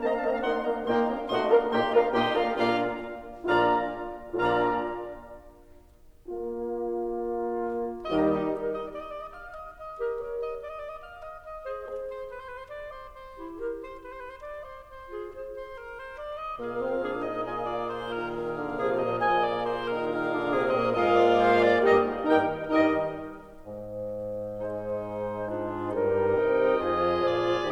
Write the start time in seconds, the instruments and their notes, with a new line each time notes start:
0.00 horn A#3, bassoon C4, clarinet D#5, oboe A5
0.12 bassoon D4, clarinet F5, oboe A#5
0.20 horn A#3, bassoon C4, clarinet D#5, oboe A5
0.33 bassoon D4, clarinet F5, oboe A#5
0.44 bassoon A3 D#4, horn A#3, clarinet F#5, oboe C6
0.66 bassoon A#3 D4, horn A#3, clarinet F5, oboe A#5
0.86 bassoon A#2 D#4, horn A#2 A#3, clarinet G5, oboe C6
1.08 bassoon A#3 D4, horn A#3, clarinet F5, oboe A#5
1.29 horn A#2, bassoon F3 D#4, clarinet F#4 F#5, oboe D#5 C6
1.52 bassoon A#3 D4, horn A#3 A#4, clarinet F4 F5, oboe D5 A#5
1.76 bassoon A#2 D#4, horn A#2 A#3, clarinet G4 G5, oboe D#5 C6
1.94 bassoon A#3 D4, horn A#3 A#4, clarinet F4 F5, oboe D5 A#5
2.12 bassoon A#2 D#4, horn A#2 A#3, clarinet G4 G5, oboe D#5 C6
2.31 bassoon A#3 D4, horn A#3 A#4, clarinet F4 F5, oboe D5 A#5
2.51 bassoon A#2 D4, horn A#2 A#3, clarinet F4 F5, oboe D5 A#5
3.54 bassoon A#2 D4, horn A#2 F4, clarinet D5 D6, oboe F5 A#5
4.46 bassoon A#2 D4, horn A#2 F4, clarinet D5 D6, oboe F5 A#5
6.30 horn A#3 F4
8.08 bassoon D#2 D#3, horn G3 D#4, oboe G4 D#5, clarinet A#4 D#5
8.28 clarinet D#4 G4
8.48 clarinet G4 A#4
8.75 oboe D#5
8.96 oboe D5
9.08 oboe D#5
9.14 oboe D5
9.23 oboe D#5
9.33 oboe F5
9.56 oboe D#5
9.76 oboe D#5
9.97 clarinet G4 A#4
10.18 clarinet A#4 C#5
10.40 oboe D#5
10.62 oboe D5
10.69 oboe D#5
10.80 oboe D5
10.91 oboe D#5
11.03 oboe F5
11.25 oboe D#5
11.44 oboe D#5
11.63 clarinet G#4 C5
11.84 clarinet G#4 C5
12.10 oboe C5
12.29 oboe B4
12.40 oboe C5
12.50 oboe B4
12.57 oboe C5
12.69 oboe D5
12.92 oboe C5
13.13 oboe C5
13.36 clarinet E4 G4
13.58 clarinet G4 A#4
13.80 oboe C5
14.00 oboe B4
14.11 oboe C5
14.20 oboe B4
14.28 oboe C5
14.40 oboe D5
14.63 oboe C5
14.85 oboe C5
15.08 clarinet F4 G#4
15.29 clarinet G#4 C5
15.57 oboe C5
15.79 oboe A#4
15.99 oboe C5
16.16 oboe D5
16.36 oboe D#5
16.57 horn A#2, bassoon A#3, clarinet G#4, oboe A#4 F5
16.79 bassoon C4
16.99 bassoon D4, clarinet G#4
17.19 bassoon D#4, oboe D#5
17.41 bassoon F4, oboe D#5, clarinet G#5
17.65 oboe D5
17.87 oboe C5
18.08 bassoon D#3, oboe A#4
18.27 bassoon D#3, clarinet G#4, oboe F5
18.51 bassoon D3
18.73 bassoon F3, clarinet G#4
18.96 bassoon A#2, oboe D#5
19.19 bassoon F4, oboe D#5, clarinet G#5
19.41 oboe D5
19.66 oboe C5
19.89 bassoon D#3 D#4, oboe A#4
20.14 bassoon D#3 D#4, clarinet G#3 G#4, oboe F5
20.36 bassoon D3 D4
20.54 bassoon C3 C4, clarinet G#3
20.76 bassoon A#2 A#3, oboe D#5
20.98 bassoon G#2 G#3, horn A#3 F4, clarinet F4, oboe A#4 D#5
21.22 oboe D5
21.46 oboe C5
21.66 clarinet D4, oboe D5
21.90 bassoon G2 G3, clarinet D#4 D#5, horn G4, oboe A#4 D#5
22.35 bassoon G2 G3, horn D#3 D#4, clarinet A#4 G5, oboe A#4 G5
22.72 bassoon G2 G3, horn D#3 D#4, clarinet A#4 D#5, oboe A#4 D#5
23.68 bassoon G#2
24.66 bassoon G#3, clarinet D#4 C5
25.50 bassoon G#2, clarinet D4 F4
25.91 bassoon G2 G3, clarinet D#4 A#4
26.38 bassoon C3 C4, oboe D#5 G5
26.89 bassoon F2 F3, clarinet F4 G#4, oboe G#5
27.32 bassoon A#2, oboe D5